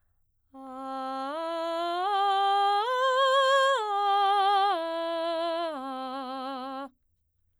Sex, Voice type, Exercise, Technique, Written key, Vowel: female, soprano, arpeggios, straight tone, , a